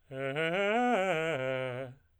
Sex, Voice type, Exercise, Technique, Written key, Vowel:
male, tenor, arpeggios, fast/articulated piano, C major, e